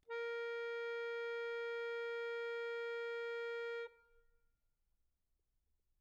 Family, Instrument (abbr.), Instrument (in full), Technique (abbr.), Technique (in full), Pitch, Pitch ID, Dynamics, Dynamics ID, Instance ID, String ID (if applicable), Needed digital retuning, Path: Keyboards, Acc, Accordion, ord, ordinario, A#4, 70, mf, 2, 0, , FALSE, Keyboards/Accordion/ordinario/Acc-ord-A#4-mf-N-N.wav